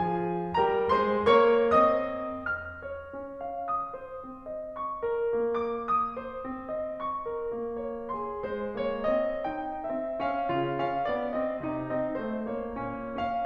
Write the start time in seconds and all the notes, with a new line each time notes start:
0.01 F3 F4 G#4 G#5
0.53 G3 G4 A#4 A#5
0.90 G#3 G#4 C5 C6
1.24 A#3 A#4 C#5 C#6
1.77 C4 C5 D#5 D#6
2.44 F6
2.86 C#5
3.16 C#4
3.40 F5
3.67 D#6
3.96 C5
4.23 C4
4.49 D#5
4.74 C#6
5.04 A#4
5.32 A#3
5.52 D6
5.81 D#6
6.16 C5
6.43 C4
6.70 D#5
7.00 C#6
7.29 A#4
7.52 A#3
7.77 C#5
8.11 G#4 C6
8.52 G#3 C5
8.82 A#3 C#5
9.08 C4 D#5
9.44 D#4 G5
9.87 C4 E5
10.25 C#4 F5
10.54 C#3 F4
10.77 C#4 F5
11.04 B3 D5
11.38 C4 D#5
11.64 C3 D#4
11.91 C4 D#5
12.18 A3 C5
12.51 A#3 C#5
12.75 A#2 C#4
13.13 C#4 F5